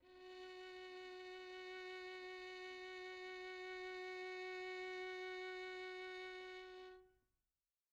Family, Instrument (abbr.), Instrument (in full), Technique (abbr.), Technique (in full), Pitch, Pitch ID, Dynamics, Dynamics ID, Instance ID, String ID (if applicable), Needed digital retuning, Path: Strings, Vn, Violin, ord, ordinario, F#4, 66, pp, 0, 2, 3, FALSE, Strings/Violin/ordinario/Vn-ord-F#4-pp-3c-N.wav